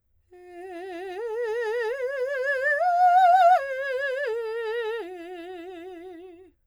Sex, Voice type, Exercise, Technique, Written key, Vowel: female, soprano, arpeggios, slow/legato piano, F major, e